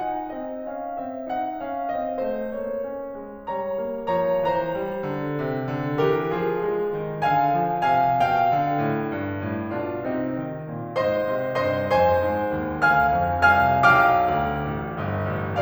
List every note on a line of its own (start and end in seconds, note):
0.00 0.28 D#4
0.00 0.28 F#5
0.28 0.65 C4
0.28 0.65 D#5
0.66 0.99 C#4
0.66 0.99 F5
0.99 1.30 C4
0.99 1.30 E5
1.30 1.65 D#4
1.30 1.65 F#5
1.66 1.96 C#4
1.66 1.96 F5
1.96 2.25 C4
1.96 2.25 D#5
2.25 2.54 A3
2.25 2.54 C5
2.54 2.82 A#3
2.54 3.48 C#5
2.82 3.12 C#4
3.13 3.48 G#3
3.48 3.85 G3
3.48 4.16 C#5
3.48 4.16 A#5
3.85 4.16 G#3
4.16 4.48 F3
4.16 4.48 C#5
4.16 4.48 A#5
4.48 4.81 E3
4.48 5.99 C5
4.48 5.99 A#5
4.82 5.12 G3
5.12 5.40 D3
5.40 5.70 C3
5.70 5.99 D3
5.99 6.29 E3
5.99 6.29 G4
5.99 6.29 A#4
6.30 6.57 F3
6.30 7.24 F4
6.30 7.24 G#4
6.57 6.94 G#3
6.94 7.24 D#3
7.26 7.59 D3
7.26 7.87 F5
7.26 7.87 G#5
7.59 7.87 F3
7.87 8.20 C3
7.87 8.20 F5
7.87 8.20 G#5
8.20 8.53 B2
8.20 9.79 F5
8.20 9.79 G5
8.53 8.82 D3
8.85 9.15 A2
9.15 9.46 G2
9.46 9.79 A2
9.79 10.10 B2
9.79 10.10 D4
9.79 10.10 F4
10.10 10.39 C3
10.10 10.39 C4
10.10 10.39 D#4
10.40 10.72 D#3
10.72 10.97 A#2
10.97 11.28 G#2
10.97 11.60 C5
10.97 11.60 D#5
10.97 11.60 C6
11.28 11.60 C3
11.60 11.90 G2
11.60 11.90 C5
11.60 11.90 D#5
11.60 11.90 C6
11.91 12.27 F2
11.91 12.83 C5
11.91 12.83 G#5
11.91 12.83 C6
12.27 12.55 G#2
12.55 12.83 D#2
12.84 13.17 D2
12.84 13.46 F5
12.84 13.46 G#5
12.84 13.46 F6
13.17 13.46 F2
13.47 13.89 C2
13.47 13.89 F5
13.47 13.89 G#5
13.47 13.89 F6
13.89 14.37 B1
13.89 15.62 F5
13.89 15.62 G5
13.89 15.62 D6
13.89 15.62 F6
14.37 14.71 D2
14.72 15.00 A1
15.00 15.33 G1
15.33 15.62 A1